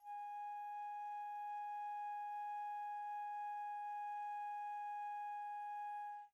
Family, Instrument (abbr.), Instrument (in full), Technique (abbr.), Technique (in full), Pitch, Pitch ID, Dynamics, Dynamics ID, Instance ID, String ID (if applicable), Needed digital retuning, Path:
Winds, Fl, Flute, ord, ordinario, G#5, 80, pp, 0, 0, , FALSE, Winds/Flute/ordinario/Fl-ord-G#5-pp-N-N.wav